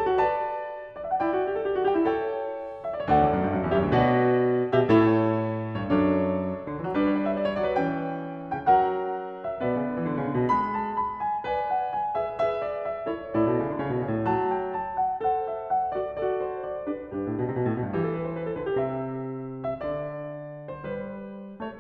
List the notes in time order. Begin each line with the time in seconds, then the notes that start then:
0.00 A4 A5
0.12 F#4
0.24 B4
0.29 D5 A5
0.96 D5
1.07 E5
1.18 F#5
1.27 E4 D5 G5
1.35 F#4
1.43 G4
1.54 A4
1.66 G4
1.75 F#4
1.87 G4
1.92 E4 G5
2.08 A4
2.23 C#5 G5
2.84 E5
2.94 D5
3.04 C#5
3.11 D2 A4
3.16 D5 F#5
3.25 E2
3.37 F#2
3.47 G2
3.53 F#2
3.63 E2
3.70 F#2 G4
3.75 C#5 E5
3.84 D2
3.94 B2 F#4
3.98 B4 D5
4.04 A2
4.11 B2
4.52 G4
4.57 B2
4.63 E5
4.82 A4
4.89 A2 E4 C#5
4.96 B2
5.03 A2
5.68 G2
5.72 C#5
5.86 F#2 D4
5.91 A4
5.96 C#5
6.58 D3
6.71 E3
6.80 F#3
6.88 G3 D4
6.93 B4
7.08 C#5
7.15 D5
7.26 E5
7.36 D5
7.48 C#5
7.53 F#3
7.59 D5
7.71 C#4 B4
7.78 E3
7.83 G5
8.49 C#3
8.57 G5
8.70 F#3 A#4
8.78 F#5
9.49 E5
9.60 B2 B3 B4
9.67 C#3 D5
9.79 D3
9.90 E3
10.02 D3
10.12 C#3
10.25 D3
10.34 B2
10.44 G#3
10.51 B5
10.72 A5
10.95 B5
11.23 G#5
11.34 B4
11.39 D5
11.46 G#5
11.68 F#5
11.96 G#5
12.09 G#4 B4
12.19 E5
12.29 G#4
12.34 B4
12.42 E5
12.62 D5
12.93 E5
13.06 E4
13.11 A4
13.18 C#5
13.29 A2 E4
13.36 A4
13.43 B2 D5
13.51 C#3 C#5
13.68 D3
13.79 C#3
13.89 B2
13.98 C#3
14.09 A2
14.19 F#3
14.29 A5
14.50 G5
14.76 A5
15.01 F#5
15.16 A4
15.21 C5
15.28 F#5
15.48 E5
15.71 F#5
15.81 F#4
15.86 A4
15.96 D5
16.06 F#4
16.10 A4
16.18 D5
16.49 C5
16.72 D5
16.86 D4
16.92 G4
17.02 B4
17.12 G2 D4 G4
17.23 A2 B4
17.33 B2
17.45 C3
17.55 B2
17.67 A2
17.79 B2
17.86 G2
17.94 E3
18.07 A4
18.17 B4
18.30 C5
18.44 D5
18.55 C5
18.62 D3 B4
18.75 C5
18.84 C3 A4
18.97 E5
19.67 E5
19.75 D3
19.88 D5
20.71 C5
20.89 G3
21.06 B4
21.59 A3
21.72 C#5